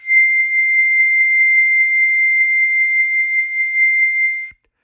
<region> pitch_keycenter=96 lokey=95 hikey=98 volume=4.614296 offset=782 trigger=attack ampeg_attack=0.004000 ampeg_release=0.100000 sample=Aerophones/Free Aerophones/Harmonica-Hohner-Special20-F/Sustains/HandVib/Hohner-Special20-F_HandVib_C6.wav